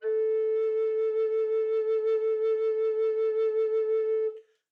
<region> pitch_keycenter=69 lokey=69 hikey=70 tune=1 volume=12.339734 offset=749 ampeg_attack=0.004000 ampeg_release=0.300000 sample=Aerophones/Edge-blown Aerophones/Baroque Bass Recorder/SusVib/BassRecorder_SusVib_A3_rr1_Main.wav